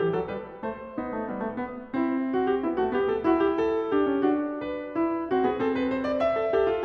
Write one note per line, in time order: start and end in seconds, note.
0.00 0.16 E4
0.00 0.16 G4
0.16 0.33 F#4
0.16 0.33 A4
0.33 0.64 G4
0.33 0.64 B4
0.64 0.95 A4
0.64 0.95 C5
0.95 1.27 D#4
0.95 1.13 B4
1.13 1.27 A4
1.27 1.61 B3
1.27 1.44 G4
1.44 1.61 A4
1.61 1.96 B4
1.96 2.32 E4
1.96 2.62 C5
2.32 2.48 F#4
2.48 2.62 G4
2.62 2.76 E4
2.62 2.76 B4
2.76 2.94 F#4
2.76 2.94 A4
2.94 3.09 G4
2.94 3.23 B4
3.09 3.23 A4
3.23 3.38 F#4
3.23 3.91 E5
3.38 3.53 G4
3.53 3.91 A4
3.91 4.28 G4
3.91 4.11 D5
4.11 4.28 C#5
4.28 4.67 F#4
4.28 5.33 D5
4.67 4.97 B4
4.97 5.33 E4
5.33 5.48 F#4
5.33 5.48 C5
5.48 5.61 G#4
5.48 5.61 B4
5.61 5.76 A4
5.61 6.37 C5
5.76 5.92 B4
5.92 6.07 C5
6.07 6.25 D5
6.25 6.52 E5
6.37 6.52 A5
6.52 6.85 A4
6.52 6.69 G5
6.69 6.85 F5